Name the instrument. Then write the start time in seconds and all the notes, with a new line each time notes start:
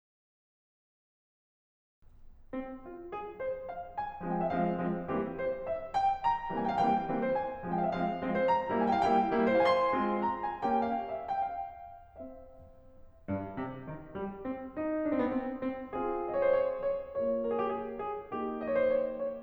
piano
2.04 C4
2.82 F4
3.15 G#4
3.41 C5
3.69 F5
3.97 G#5
4.23 F3 G#3 C4
4.34 G5
4.40 F5
4.45 E5
4.49 F3 G#3 C4 F5
4.79 F3 G#3 C4
5.08 E3 G3 A#3 C4 G4
5.41 C5
5.64 E5
5.90 G5
6.20 A#5
6.51 E3 G3 A#3 C4
6.61 G5 G#5
6.70 F5
6.74 E3 G3 A#3 C4 G5
7.00 E3 G3 A#3 C4
7.27 C5
7.31 G#5
7.64 F3 G#3 C4
7.80 G5
7.86 F5
7.91 E5
7.95 F3 G#3 C4 F5
8.25 F3 G#3 C4
8.44 C5 A#5
8.71 G3 A#3 E4
8.86 G#5
8.92 G5
8.99 F5
9.07 G3 A#3 E4 G5
9.37 G3 A#3 E4
9.65 G#4
9.71 F5
9.75 G#5
9.80 C6
9.93 G#3 C4 F4
10.22 A#5
10.42 G#5
10.65 A#3 C#4 G4 G5
10.83 F5
11.12 E5
11.17 F5
11.21 G5
11.27 F5
12.07 C4 G4 E5
13.29 G2
13.55 C3
13.82 D#3
14.14 G3
14.42 C4
14.67 D#4
15.12 D4
15.17 C4
15.23 B3
15.29 C4
15.59 C4
15.93 C4 F4 G#4
16.33 D#5
16.38 C#5
16.43 C5
16.49 C#5
16.81 C#5
17.08 A#3 F4 C#5
17.48 A#4
17.54 G4 G#4
17.62 G#4
17.97 G#4
18.31 A#3 D#4 G4
18.68 D#5
18.73 C#5
18.77 C5
18.84 C#5
19.14 C#5